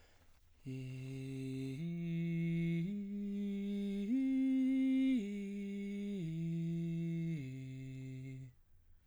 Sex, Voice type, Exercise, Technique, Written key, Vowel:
male, baritone, arpeggios, breathy, , i